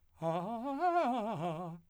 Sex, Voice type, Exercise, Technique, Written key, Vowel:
male, , arpeggios, fast/articulated piano, F major, a